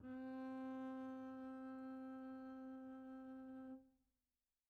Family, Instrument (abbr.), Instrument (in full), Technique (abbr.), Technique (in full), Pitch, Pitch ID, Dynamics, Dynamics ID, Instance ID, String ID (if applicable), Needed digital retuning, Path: Strings, Cb, Contrabass, ord, ordinario, C4, 60, pp, 0, 0, 1, FALSE, Strings/Contrabass/ordinario/Cb-ord-C4-pp-1c-N.wav